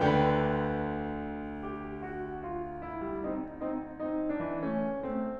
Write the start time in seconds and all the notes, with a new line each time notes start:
0.00 D2 D3 B4 D5 G5
1.66 G4
2.10 F#4
2.43 F4
2.83 E4
3.10 G3
3.27 C4 D#4
3.69 C4 D#4
4.01 C4 D#4
4.31 B3 D4
4.47 E3
4.64 A3 C#4
5.09 A3 C4